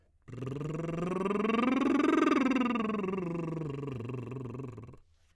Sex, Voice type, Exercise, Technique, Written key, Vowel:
male, tenor, scales, lip trill, , e